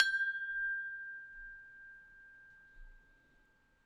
<region> pitch_keycenter=79 lokey=79 hikey=80 tune=-24 volume=8.170370 lovel=100 hivel=127 ampeg_attack=0.004000 ampeg_release=30.000000 sample=Idiophones/Struck Idiophones/Tubular Glockenspiel/G0_loud1.wav